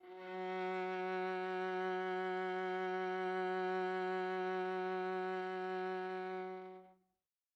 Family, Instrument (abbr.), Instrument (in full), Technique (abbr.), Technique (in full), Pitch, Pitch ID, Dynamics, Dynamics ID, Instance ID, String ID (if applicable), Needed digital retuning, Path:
Strings, Va, Viola, ord, ordinario, F#3, 54, mf, 2, 3, 4, TRUE, Strings/Viola/ordinario/Va-ord-F#3-mf-4c-T12u.wav